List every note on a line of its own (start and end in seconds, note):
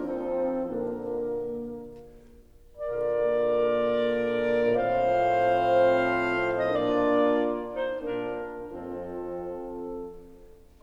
0.00 0.66 F3
0.00 0.66 C4
0.00 0.67 C4
0.00 0.66 D#4
0.00 0.67 A4
0.67 1.63 A#2
0.67 1.61 D3
0.67 1.61 A#3
0.67 1.63 A#3
0.67 1.61 D4
0.67 1.63 A#4
2.79 4.78 A#2
2.79 4.77 D3
2.79 4.77 A#3
2.79 4.78 F4
2.79 4.77 A#4
2.79 4.77 D5
4.78 6.59 A2
4.78 6.59 F3
4.78 6.59 C4
4.78 6.59 F4
4.78 6.59 C5
4.78 6.59 F5
6.50 6.59 D#5
6.59 8.23 A#2
6.59 8.22 A#3
6.59 8.22 D4
6.59 7.58 F4
6.59 8.23 F4
6.59 7.58 D5
7.59 8.22 D#4
7.59 8.22 C5
8.23 8.73 A#2
8.23 8.72 A#3
8.23 8.72 D4
8.23 8.73 F4
8.23 8.72 A#4
8.73 9.75 F2
8.73 9.74 F3
8.73 9.74 C4
8.73 9.75 F4
8.73 9.74 A4